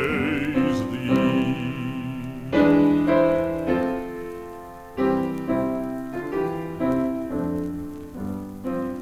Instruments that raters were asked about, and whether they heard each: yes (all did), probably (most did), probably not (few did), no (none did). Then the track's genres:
piano: yes
Folk; Opera